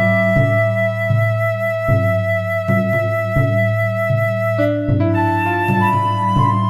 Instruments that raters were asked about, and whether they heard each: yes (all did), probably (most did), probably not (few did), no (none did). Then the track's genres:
clarinet: probably not
flute: yes
Experimental; Ambient